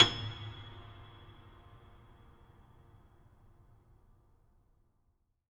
<region> pitch_keycenter=104 lokey=104 hikey=108 volume=4.275654 lovel=66 hivel=99 locc64=65 hicc64=127 ampeg_attack=0.004000 ampeg_release=10.400000 sample=Chordophones/Zithers/Grand Piano, Steinway B/Sus/Piano_Sus_Close_G#7_vl3_rr1.wav